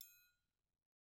<region> pitch_keycenter=62 lokey=62 hikey=62 volume=22.723794 offset=183 seq_position=2 seq_length=2 ampeg_attack=0.004000 ampeg_release=30.000000 sample=Idiophones/Struck Idiophones/Triangles/Triangle1_HitM_v1_rr4_Mid.wav